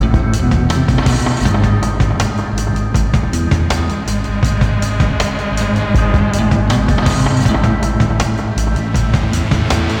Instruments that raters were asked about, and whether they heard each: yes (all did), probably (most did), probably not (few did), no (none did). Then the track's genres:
drums: yes
Electronic